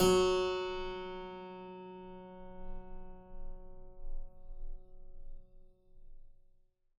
<region> pitch_keycenter=42 lokey=42 hikey=43 volume=-0.254181 trigger=attack ampeg_attack=0.004000 ampeg_release=0.40000 amp_veltrack=0 sample=Chordophones/Zithers/Harpsichord, Flemish/Sustains/High/Harpsi_High_Far_F#2_rr1.wav